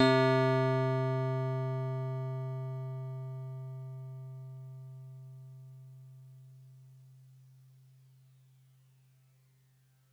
<region> pitch_keycenter=60 lokey=59 hikey=62 volume=9.784588 lovel=100 hivel=127 ampeg_attack=0.004000 ampeg_release=0.100000 sample=Electrophones/TX81Z/FM Piano/FMPiano_C3_vl3.wav